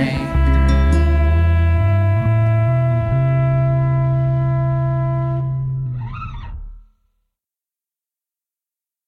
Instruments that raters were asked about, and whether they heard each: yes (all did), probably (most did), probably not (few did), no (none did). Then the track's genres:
cello: no
clarinet: probably
Pop; Folk; Lo-Fi